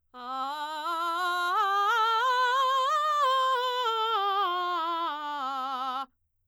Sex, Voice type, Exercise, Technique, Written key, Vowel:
female, soprano, scales, belt, , a